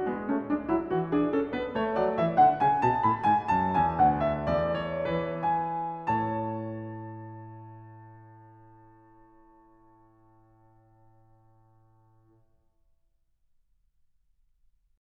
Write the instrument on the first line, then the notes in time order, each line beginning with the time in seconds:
piano
0.00 B3
0.05 G#3
0.23 A3 C#4
0.42 D4
0.46 G#3
0.68 E4
0.73 F#3
0.94 F#4
0.99 E3
1.13 D4 G#4
1.29 A4
1.34 C#4
1.49 B4
1.53 B3
1.70 A3 C#5
1.94 D5
1.99 F#3
2.15 E3 E5
2.32 F#5
2.37 D3
2.59 C#3 G#5
2.80 A5
2.84 B2
3.03 A2 B5
3.23 G#5
3.27 G#2
3.49 F#2 A5
3.75 E2 G#5
4.01 F#5
4.06 D2
4.28 E5
4.49 D5
4.56 E2
4.81 C#5
5.06 B4
5.11 E3
5.46 G#5
6.10 A4 A5
6.15 A2